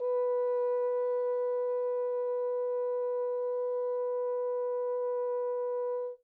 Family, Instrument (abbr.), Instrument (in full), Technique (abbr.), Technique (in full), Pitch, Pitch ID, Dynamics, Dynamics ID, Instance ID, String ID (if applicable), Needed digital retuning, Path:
Brass, Hn, French Horn, ord, ordinario, B4, 71, mf, 2, 0, , FALSE, Brass/Horn/ordinario/Hn-ord-B4-mf-N-N.wav